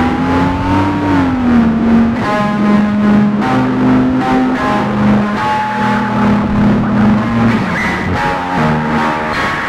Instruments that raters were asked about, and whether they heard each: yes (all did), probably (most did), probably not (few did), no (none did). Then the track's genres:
bass: probably
Experimental; Noise-Rock; Improv